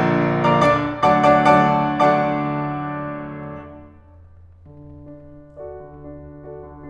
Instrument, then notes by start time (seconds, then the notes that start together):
piano
0.00 D3 F3 A#3 D4
0.49 D3 F3 A#3 D4 D5 F5 A#5 D6
0.63 D3 D4 D5 D6
0.98 D3 F#3 A3 D4 D5 F#5 A5 D6
1.16 D3 F#3 A3 D4 D5 F#5 A5 D6
1.39 D3 F#3 A3 D4 D5 F#5 A5 D6
1.78 D3 F#3 A3 D4 D5 F#5 A5 D6
4.10 D3
4.66 D4
5.61 F#4 A4 D5
5.84 D3
6.08 D4
6.44 F#4 A4 D5
6.65 D3